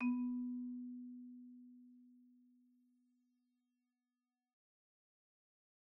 <region> pitch_keycenter=59 lokey=58 hikey=62 volume=19.247664 offset=58 xfin_lovel=84 xfin_hivel=127 ampeg_attack=0.004000 ampeg_release=15.000000 sample=Idiophones/Struck Idiophones/Marimba/Marimba_hit_Outrigger_B2_loud_01.wav